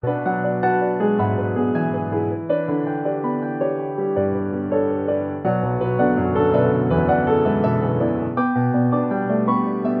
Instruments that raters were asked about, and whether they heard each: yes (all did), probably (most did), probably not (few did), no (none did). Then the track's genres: piano: yes
Contemporary Classical; Instrumental